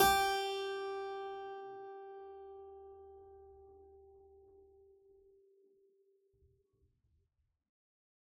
<region> pitch_keycenter=67 lokey=67 hikey=67 volume=1.822587 trigger=attack ampeg_attack=0.004000 ampeg_release=0.400000 amp_veltrack=0 sample=Chordophones/Zithers/Harpsichord, Unk/Sustains/Harpsi4_Sus_Main_G3_rr1.wav